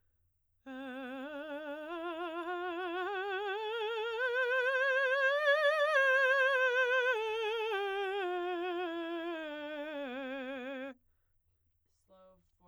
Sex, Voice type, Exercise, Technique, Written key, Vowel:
female, soprano, scales, slow/legato forte, C major, e